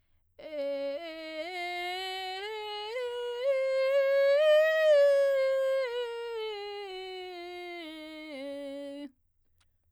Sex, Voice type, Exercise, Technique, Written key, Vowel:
female, soprano, scales, vocal fry, , e